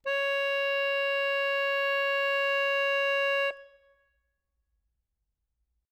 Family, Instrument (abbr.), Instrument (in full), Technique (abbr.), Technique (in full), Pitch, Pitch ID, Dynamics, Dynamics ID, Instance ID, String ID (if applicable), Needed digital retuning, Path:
Keyboards, Acc, Accordion, ord, ordinario, C#5, 73, ff, 4, 1, , FALSE, Keyboards/Accordion/ordinario/Acc-ord-C#5-ff-alt1-N.wav